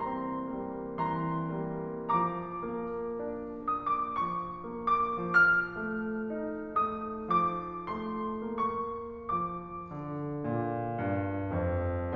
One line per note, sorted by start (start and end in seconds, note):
0.01 0.49 C4
0.01 1.00 A#5
0.01 1.00 C6
0.52 1.00 G3
0.52 1.00 A#3
1.02 1.47 E3
1.02 2.20 A#5
1.02 2.20 C6
1.48 2.20 G3
1.48 2.20 A#3
2.22 2.62 F3
2.22 5.16 A#5
2.22 3.72 D6
2.63 3.18 A#3
3.20 3.72 D4
3.73 4.20 A#3
3.73 3.96 D#6
4.01 4.20 D6
4.22 4.70 F3
4.22 4.89 C#6
4.71 5.16 A#3
4.91 5.16 D6
5.18 5.76 F3
5.18 6.80 F6
5.79 6.26 A3
6.28 6.80 D#4
6.81 7.41 A3
6.81 7.41 D#6
7.42 7.92 F3
7.42 7.92 D6
7.97 8.70 A3
7.97 8.70 C6
8.71 9.47 A#3
8.71 9.47 C#6
9.49 9.92 F3
9.49 9.92 D6
9.93 10.45 D3
10.48 11.02 A#2
11.05 11.59 G2
11.62 12.15 F2